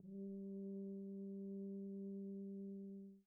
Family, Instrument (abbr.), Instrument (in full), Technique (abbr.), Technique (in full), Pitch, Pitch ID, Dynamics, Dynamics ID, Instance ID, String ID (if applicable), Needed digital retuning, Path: Brass, BTb, Bass Tuba, ord, ordinario, G3, 55, pp, 0, 0, , TRUE, Brass/Bass_Tuba/ordinario/BTb-ord-G3-pp-N-T14d.wav